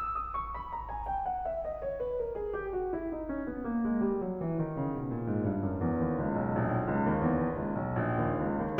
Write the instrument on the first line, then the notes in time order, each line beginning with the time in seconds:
piano
0.00 E6
0.17 D#6
0.37 C#6
0.58 B5
0.73 A#5
0.91 G#5
1.06 G5
1.23 F#5
1.45 E5
1.64 D#5
1.80 C#5
1.97 B4
2.17 A#4
2.36 G#4
2.53 G4
2.73 F#4
2.96 E4
3.12 D#4
3.30 C#4
3.47 B3
3.66 A#3
3.85 G#3
4.03 G3
4.19 F#3
4.40 E3
4.59 D#3
4.79 C#3
4.97 B2
5.14 A#2
5.28 G#2
5.47 G2
5.65 F#2
5.82 F2
6.00 D#2
6.15 C#2
6.35 B1
6.55 A#1
6.72 B1
6.90 C#2
7.09 D#2
7.27 E2
7.43 D#2
7.62 C#2
7.84 B1
8.03 A#1
8.21 D#2
8.42 C#2
8.61 D#2